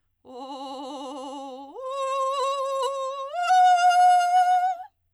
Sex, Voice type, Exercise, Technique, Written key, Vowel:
female, soprano, long tones, trillo (goat tone), , o